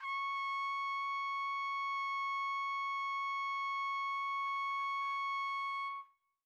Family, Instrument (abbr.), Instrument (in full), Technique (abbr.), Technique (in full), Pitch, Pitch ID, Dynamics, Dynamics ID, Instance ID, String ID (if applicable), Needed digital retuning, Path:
Brass, TpC, Trumpet in C, ord, ordinario, C#6, 85, pp, 0, 0, , FALSE, Brass/Trumpet_C/ordinario/TpC-ord-C#6-pp-N-N.wav